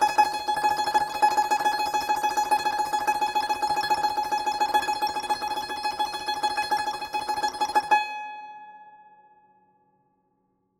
<region> pitch_keycenter=80 lokey=80 hikey=81 volume=4.324050 ampeg_attack=0.004000 ampeg_release=0.300000 sample=Chordophones/Zithers/Dan Tranh/Tremolo/G#4_Trem_1.wav